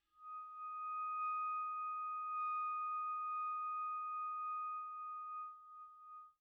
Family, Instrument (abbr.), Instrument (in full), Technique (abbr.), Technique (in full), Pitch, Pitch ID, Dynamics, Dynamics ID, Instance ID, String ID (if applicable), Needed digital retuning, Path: Winds, ClBb, Clarinet in Bb, ord, ordinario, D#6, 87, pp, 0, 0, , FALSE, Winds/Clarinet_Bb/ordinario/ClBb-ord-D#6-pp-N-N.wav